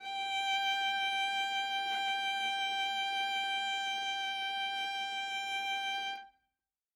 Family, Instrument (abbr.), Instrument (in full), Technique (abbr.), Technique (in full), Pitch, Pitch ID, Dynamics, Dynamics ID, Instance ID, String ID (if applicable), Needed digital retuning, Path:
Strings, Va, Viola, ord, ordinario, G5, 79, ff, 4, 1, 2, FALSE, Strings/Viola/ordinario/Va-ord-G5-ff-2c-N.wav